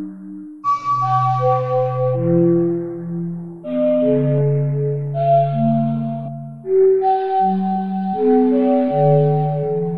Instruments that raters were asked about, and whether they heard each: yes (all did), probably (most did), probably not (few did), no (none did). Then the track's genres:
flute: probably
Electronic; Experimental; Ambient